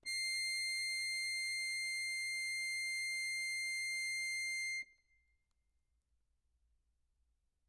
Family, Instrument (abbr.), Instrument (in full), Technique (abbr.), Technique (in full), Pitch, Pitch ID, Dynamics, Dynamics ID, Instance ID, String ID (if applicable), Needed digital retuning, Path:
Keyboards, Acc, Accordion, ord, ordinario, C7, 96, mf, 2, 0, , FALSE, Keyboards/Accordion/ordinario/Acc-ord-C7-mf-N-N.wav